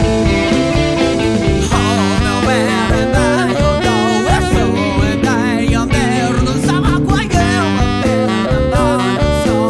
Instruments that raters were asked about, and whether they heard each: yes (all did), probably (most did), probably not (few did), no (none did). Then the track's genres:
saxophone: yes
Rock; Post-Rock; Post-Punk